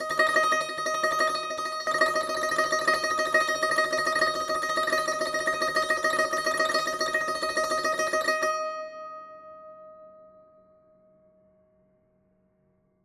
<region> pitch_keycenter=75 lokey=75 hikey=76 volume=8.116865 ampeg_attack=0.004000 ampeg_release=0.300000 sample=Chordophones/Zithers/Dan Tranh/Tremolo/D#4_Trem_1.wav